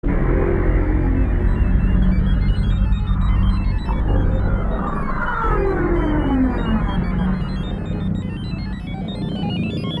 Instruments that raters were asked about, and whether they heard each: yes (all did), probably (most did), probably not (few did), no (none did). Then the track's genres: synthesizer: yes
Electronic; Hip-Hop; Experimental